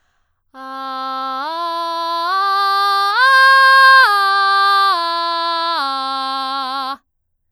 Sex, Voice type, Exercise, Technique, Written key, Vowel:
female, soprano, arpeggios, belt, , a